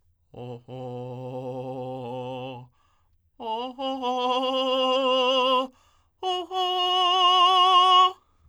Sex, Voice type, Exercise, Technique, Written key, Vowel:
male, tenor, long tones, trillo (goat tone), , o